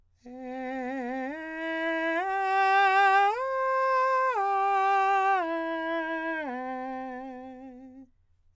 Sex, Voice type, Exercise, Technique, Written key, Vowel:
male, countertenor, arpeggios, slow/legato forte, C major, e